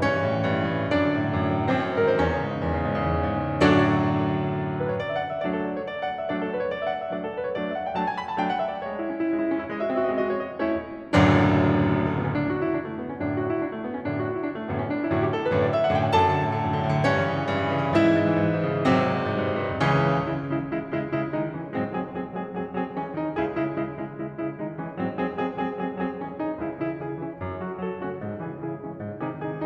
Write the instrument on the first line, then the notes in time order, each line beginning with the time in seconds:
piano
0.00 G2 C#4 C#5
0.12 E3
0.22 A2
0.34 E3
0.49 G2
0.60 E3
0.71 A2
0.81 E3
0.91 F#2 D4 D5
1.01 D3
1.13 A2
1.23 D3
1.34 F#2
1.43 D3
1.56 A2
1.67 D3
1.79 F#2 C4 C#5
1.86 D#3 C5
1.94 C#5
2.01 F#2 C5
2.09 A4
2.14 D#3 C5
2.24 E2 C#4 C#5
2.35 C#3
2.44 G#2
2.54 C#3
2.65 E2
2.76 C#3
2.94 G#2
3.08 C#3
3.20 E2
3.30 C#3
3.40 G#2
3.48 C#3
3.58 F#2 A2 D3 F#3 D4 F#4 A4 D5
4.66 A4
4.78 B4
4.92 C#5
5.00 D5
5.10 E5
5.18 F#5
5.27 E5
5.40 F#3 A3 D4 D5
5.54 A4
5.65 B4
5.79 C#5
5.91 D5
6.00 E5
6.11 F#5
6.21 E5
6.30 F#3 A3 D4 D5
6.40 A4
6.51 B4
6.61 C#5
6.72 D5
6.84 E5
6.94 F#5
7.04 E5
7.16 F#3 A3 D4 D5
7.27 A4
7.38 B4
7.47 C#5
7.56 F#3 A3 D4 D5
7.65 E5
7.74 F#5
7.88 G5
7.98 F#3 A3 D4 A5
8.06 G#5
8.17 B5
8.27 A5
8.35 F#3 A3 D4 G5
8.45 F#5
8.57 E5
8.72 D5
8.84 G#3 C#5
8.96 E4
9.07 C#4
9.16 E4
9.25 G#3
9.35 E4
9.47 C#4
9.57 E4
9.68 G#3 E5
9.75 F#4 D#5
9.80 E5
9.86 C4 D#5
9.93 F#4 E5
9.98 D#5
10.11 G#3 E5
10.17 D#5
10.25 F#4 E5
10.36 C4 D#5
10.45 F#4 C#5
10.53 D#5
10.58 A3 C#4 E4 C#5
10.96 F#1 A1 D2 F#2 D3 F#3 A3 D4
11.46 A3
11.55 B3
11.61 C#4
11.70 D4
11.77 E4
11.88 F#4
11.97 E4
12.04 D4
12.12 A3
12.20 B3
12.28 C#4
12.36 F#2 A2 D3 D4
12.49 E4
12.60 F#4
12.68 E4
12.79 D4
12.91 A3
12.98 B3
13.07 C#4
13.15 F#2 A2 D3 D4
13.25 E4
13.34 F#4
13.42 E4
13.53 D4
13.62 A3
13.70 F#2 A2 D3 B3
13.77 C#4
13.84 D4
13.93 E4
14.00 F#2 A2 D3 F#4
14.08 E4
14.16 D4
14.25 F#2 A2 D3 A3 B3
14.36 C#4
14.45 D4 E4
14.51 F#2 A2 D3 F#4
14.57 E4
14.65 F#2 A2 D3 D4
14.74 A3
14.84 B3
14.91 C#4
15.00 D4
15.09 E4
15.19 F#4
15.27 G4
15.37 A4
15.46 B4
15.55 C#5
15.63 D5
15.73 E5
15.84 F#5
15.95 G5
16.04 G#5
16.14 F#2 A4 A5
16.23 D3
16.32 B2
16.46 D3
16.58 F#2
16.71 D3
16.81 B2
16.95 D3
17.04 G2 C#4 C#5
17.15 E3
17.28 A#2
17.38 E3
17.51 G2
17.61 E3
17.72 A#2
17.82 E3
17.93 G#2 E4 E5
18.03 E3
18.16 C#3
18.25 E3
18.36 G#2
18.51 E3
18.62 C#3
18.72 E3
18.87 G#1 C3 F#3 C4
18.96 G#2
19.08 G2
19.16 G#2
19.26 G2
19.38 G#2
19.52 G2
19.62 G#2
19.76 C#2 C#3 E3 C#4
20.00 C#3 G#3 E4
20.28 C#3 G#3 E4
20.60 C#3 G#3 E4
20.85 C#3 G#3 E4
21.06 C#3 G#3 E4
21.36 D#3 G#3 D#4
21.56 E3 G#3 C#4
21.73 G#2 F#3 G#3 C4
21.98 F#3 G#3 C4 G#4
22.16 F#3 G#3 C4 G#4
22.36 F#3 G#3 C4 G#4
22.58 F#3 G#3 C4 G#4
22.77 F#3 G#3 C4 G#4
22.98 E3 G#3 C#4 G#4
23.16 D#3 G#3 D#4 G#4
23.37 C#2 C#3 E4 G#4
23.57 C#3 G#3 E4
23.75 C#3 G#3 E4
23.96 C#3 G#3 E4
24.17 C#3 G#3 E4
24.37 C#3 G#3 E4
24.58 D#3 G#3 D#4
24.79 E3 G#3 C#4
24.95 G#2 F#3 G#3 C4
25.21 F#3 G#3 C4 G#4
25.41 F#3 G#3 C4 G#4
25.61 F#3 G#3 C4 G#4
25.83 F#3 G#3 C4 G#4
26.02 F#3 G#3 C4 G#4
26.20 E3 G#3 C#4 G#4
26.38 D#3 G#3 D#4 G#4
26.58 C#2 C#3 E4 G#4
26.83 C#3 E3 E4 G#4
27.03 C#3 E3 E4 G#4
27.21 E3 G#3 C#4 E4
27.39 F#2
27.63 C#3 F#3 F#4 A4
27.83 C#3 F#3 F#4 A4
27.99 F#3 A3 C#4 F#4
28.18 G#2
28.34 C#3 E3 E4 G#4
28.53 C#3 E3 E4 G#4
28.73 E3 G#3 C#4 E4
28.94 G#2
29.20 C3 D#3 D#4 G#4
29.47 C3 D#3 D#4 G#4